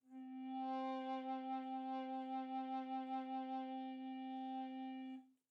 <region> pitch_keycenter=60 lokey=60 hikey=61 tune=-5 volume=11.812789 offset=2165 ampeg_attack=0.004000 ampeg_release=0.300000 sample=Aerophones/Edge-blown Aerophones/Baroque Tenor Recorder/SusVib/TenRecorder_SusVib_C3_rr1_Main.wav